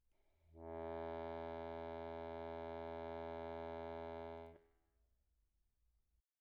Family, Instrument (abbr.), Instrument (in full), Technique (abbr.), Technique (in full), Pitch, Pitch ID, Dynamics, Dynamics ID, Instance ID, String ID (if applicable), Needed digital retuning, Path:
Keyboards, Acc, Accordion, ord, ordinario, E2, 40, pp, 0, 1, , FALSE, Keyboards/Accordion/ordinario/Acc-ord-E2-pp-alt1-N.wav